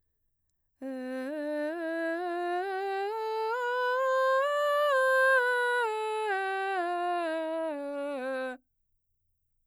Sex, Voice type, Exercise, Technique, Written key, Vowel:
female, mezzo-soprano, scales, slow/legato piano, C major, e